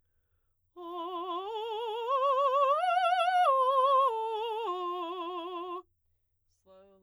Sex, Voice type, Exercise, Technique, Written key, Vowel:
female, soprano, arpeggios, slow/legato forte, F major, o